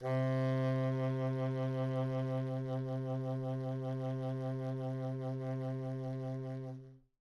<region> pitch_keycenter=48 lokey=48 hikey=49 volume=17.629777 offset=15 ampeg_attack=0.004000 ampeg_release=0.500000 sample=Aerophones/Reed Aerophones/Tenor Saxophone/Vibrato/Tenor_Vib_Main_C2_var4.wav